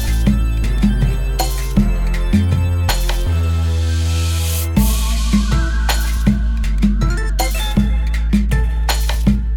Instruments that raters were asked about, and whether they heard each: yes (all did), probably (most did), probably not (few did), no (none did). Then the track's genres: cymbals: probably
Electronic; Cumbia